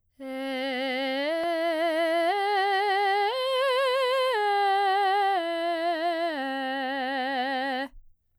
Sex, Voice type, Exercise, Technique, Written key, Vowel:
female, soprano, arpeggios, vibrato, , e